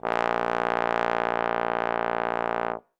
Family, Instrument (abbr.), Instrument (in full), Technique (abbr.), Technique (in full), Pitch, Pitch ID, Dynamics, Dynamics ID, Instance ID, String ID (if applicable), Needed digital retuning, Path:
Brass, Tbn, Trombone, ord, ordinario, A#1, 34, ff, 4, 0, , TRUE, Brass/Trombone/ordinario/Tbn-ord-A#1-ff-N-T14d.wav